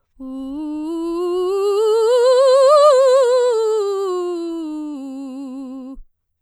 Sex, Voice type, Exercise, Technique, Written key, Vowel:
female, soprano, scales, vibrato, , u